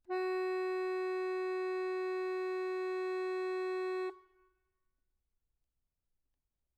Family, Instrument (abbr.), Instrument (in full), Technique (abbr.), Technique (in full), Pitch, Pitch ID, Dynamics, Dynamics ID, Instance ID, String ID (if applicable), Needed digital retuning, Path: Keyboards, Acc, Accordion, ord, ordinario, F#4, 66, mf, 2, 3, , FALSE, Keyboards/Accordion/ordinario/Acc-ord-F#4-mf-alt3-N.wav